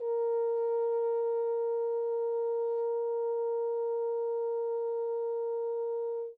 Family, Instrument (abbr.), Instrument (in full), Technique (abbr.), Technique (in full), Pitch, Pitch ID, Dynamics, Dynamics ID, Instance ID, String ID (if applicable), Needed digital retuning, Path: Brass, Hn, French Horn, ord, ordinario, A#4, 70, mf, 2, 0, , FALSE, Brass/Horn/ordinario/Hn-ord-A#4-mf-N-N.wav